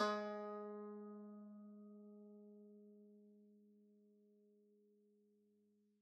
<region> pitch_keycenter=56 lokey=56 hikey=57 volume=17.780498 lovel=0 hivel=65 ampeg_attack=0.004000 ampeg_release=0.300000 sample=Chordophones/Zithers/Dan Tranh/Normal/G#2_mf_1.wav